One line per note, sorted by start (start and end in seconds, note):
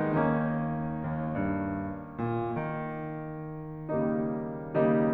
0.00 0.89 D#2
0.00 3.87 D#3
0.00 3.87 A#3
0.00 3.87 C#4
0.00 3.87 D#4
0.92 1.31 D#2
1.35 2.24 G2
2.24 2.75 A#2
2.83 3.87 D#3
3.88 4.86 C#3
3.88 4.86 D#3
3.88 4.86 G3
3.88 4.86 A#3
3.88 4.86 D#4
4.88 5.14 C#3
4.88 5.14 D#3
4.88 5.14 G3
4.88 5.14 A#3
4.88 5.14 D#4